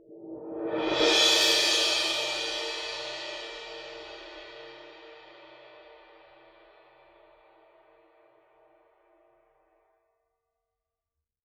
<region> pitch_keycenter=64 lokey=64 hikey=64 volume=15.000000 offset=3896 ampeg_attack=0.004000 ampeg_release=2.000000 sample=Idiophones/Struck Idiophones/Suspended Cymbal 1/susCymb1_cresc_1.5s.wav